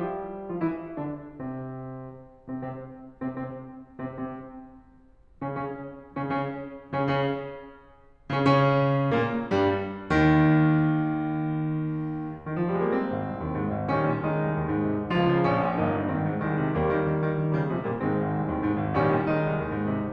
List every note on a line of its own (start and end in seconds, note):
0.00 0.52 G3
0.00 0.52 G4
0.53 0.60 F3
0.53 0.60 F4
0.62 0.98 E3
0.62 0.98 E4
0.99 1.27 D3
0.99 1.27 D4
1.36 2.02 C3
1.36 2.02 C4
2.60 2.68 C3
2.60 2.68 C4
2.68 2.94 C3
2.68 2.94 C4
3.23 3.31 C3
3.23 3.31 C4
3.32 3.74 C3
3.32 3.74 C4
3.98 4.06 C3
3.98 4.06 C4
4.06 4.77 C3
4.06 4.77 C4
5.41 5.49 C#3
5.41 5.49 C#4
5.50 5.77 C#3
5.50 5.77 C#4
6.01 6.10 C#3
6.01 6.10 C#4
6.10 6.56 C#3
6.10 6.56 C#4
6.92 7.00 C#3
6.92 7.00 C#4
7.01 7.66 C#3
7.01 7.66 C#4
8.32 8.38 C#3
8.32 8.38 C#4
8.39 9.15 C#3
8.39 9.15 C#4
9.15 9.49 A#2
9.15 9.49 A#3
9.50 9.96 G2
9.50 9.96 G3
9.97 12.53 D#2
9.97 12.53 D#3
12.53 12.61 D#3
12.62 12.67 F3
12.68 12.72 G3
12.72 12.78 G#3
12.81 12.85 A#3
12.88 13.96 C4
13.05 13.22 G#1
13.24 13.36 C2
13.37 13.54 D#2
13.54 13.75 G#2
13.75 13.96 G#1
13.96 14.09 A#1
13.96 14.21 D#3
13.96 14.21 G3
13.96 14.21 C#4
14.09 14.21 A#2
14.22 15.10 D#3
14.22 15.10 G#3
14.22 15.10 D#4
14.37 14.51 C2
14.52 14.65 D#2
14.66 14.81 G#2
14.81 14.93 C3
14.94 15.10 C2
15.12 15.28 C#2
15.12 15.84 F3
15.12 15.51 F4
15.28 15.51 C#3
15.52 15.69 A#1
15.52 15.84 C#4
15.69 15.84 A#2
15.84 15.96 G1
15.84 16.09 A#3
15.84 16.09 D#4
15.98 16.09 G2
16.11 16.30 G#1
16.11 16.45 D#3
16.11 16.45 C4
16.30 16.45 G#2
16.46 16.60 C2
16.46 16.76 D#3
16.46 16.76 G#3
16.60 16.76 C3
16.78 16.90 D#2
16.78 17.60 G3
16.78 17.60 A#3
16.92 17.09 D#3
17.09 17.30 D#3
17.31 17.44 D#3
17.44 17.60 D#3
17.60 17.75 C#3
17.60 17.75 D#3
17.60 17.75 G3
17.76 17.91 C3
17.76 17.91 F3
17.76 17.91 G#3
17.93 18.02 A#2
17.93 18.02 G3
17.93 18.02 A#3
18.02 18.17 G#2
18.02 18.91 D#3
18.02 18.91 G#3
18.02 18.91 C4
18.18 18.31 G#1
18.32 18.44 C2
18.44 18.58 D#2
18.59 18.75 G#2
18.75 18.91 G#1
18.91 19.08 A#1
18.91 19.23 D#3
18.91 19.23 G3
18.91 19.23 C#4
19.09 19.23 A#2
19.23 20.12 D#3
19.23 20.12 G#3
19.23 20.12 D#4
19.38 19.48 C2
19.49 19.67 D#2
19.67 19.81 G#2
19.82 19.97 C3
19.98 20.12 C2